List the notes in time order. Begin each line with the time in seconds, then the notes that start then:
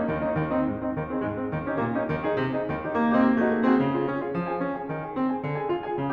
0.00 A#3 C#4 D#4
0.10 D#2 D#3
0.23 A#3 C#4 D#4
0.36 D#2 D#3
0.49 C4 D#4
0.63 G#2 G#3
0.75 C4 D#4
0.89 D#2 D#3
1.03 C4 D#4 G#4
1.22 G#2 G#3
1.37 C4 D#4 G#4
1.50 D#2 D#3
1.64 C#4 D#4 G4
1.79 A#2 A#3
1.95 C#4 D#4 G4
2.11 D#2 D#3
2.25 D#4 G#4
2.40 C3 C4
2.55 D#4 G#4
2.68 D#2 D#3
2.79 D#4 G4
2.94 A#2 A#3
3.08 D#4 G4
3.24 C4
3.29 A#3
3.39 A3 D#4 F#4 G#4
3.54 A#3
3.68 C4 D#4 F#4 G#4
3.80 C#3
3.90 F4 G#4
4.04 C#4
4.21 F4 G#4
4.37 F3
4.50 G#4 G#5
4.67 C#4
4.81 G#4 G#5
4.97 D#3
5.06 G#4 G#5
5.18 C4
5.31 G#4 G#5
5.46 D3
5.57 G#4 G#5
5.70 F4
5.87 G#4 G#5
5.98 C#3